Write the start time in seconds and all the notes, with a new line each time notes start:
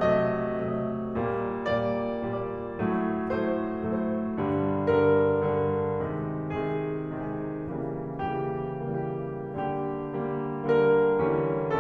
0.01 C3 F#3 A3 D#5
0.62 C3 F#3 A3 D#5
1.15 A#2 G3 A#3
1.66 A#2 G3 A#3 D5
2.10 A#2 G3 A#3 D5
2.73 A2 F#3 A3
3.39 A2 F#3 A3 C5
3.83 A2 F#3 A3 C5
4.40 G2 D3 G3
4.89 G2 D3 G3 A#4
5.36 G2 D3 G3 A#4
6.07 C3 D#3 G#3
6.63 C3 D#3 G#3 G#4
7.13 C3 D#3 G#3 G#4
7.72 C#3 E3 G3 A#3
8.25 C#3 E3 G3 A#3 G4
9.01 C#3 E3 G3 A#3 G4
9.68 D3 G3 A#3 G4
10.19 D3 G3 A#3
10.73 D3 G3 A#3 A#4
11.28 D3 E3 G3 C#4